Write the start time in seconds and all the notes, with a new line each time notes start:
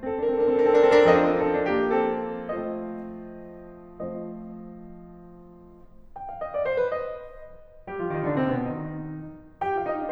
0.00 C4 A4
0.14 D4 A#4
0.27 C4 A4
0.44 D4 A#4
0.57 C4 A4
0.70 D4 A#4
0.85 C4 A4
0.96 D4 A#4
1.08 F3 C4 A4 D#5
1.21 D4 A#4
1.34 C4 A4
1.44 D4 A#4
1.56 C4 A4
1.68 D4 A#4
1.81 A#3 G4
1.97 A4
2.17 F3 A3 C4 F4 C5 D#5
3.74 F3 A3 C4 G4 C5 D#5
6.14 G5
6.27 F5
6.41 D#5
6.55 D5
6.66 C5
6.87 A#4
6.98 D#5
7.89 G3 G4
8.02 F3 F4
8.22 D#3 D#4
8.35 D3 D4
8.48 C3 C4
8.63 B2 B3
8.77 D#3 D#4
9.62 G4 G5
9.81 F4 F5
9.91 D#4 D#5
10.01 D4 D5